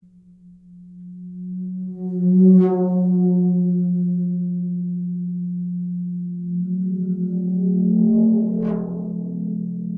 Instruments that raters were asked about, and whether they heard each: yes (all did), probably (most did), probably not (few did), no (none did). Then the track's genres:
violin: probably not
trombone: no
Avant-Garde; Experimental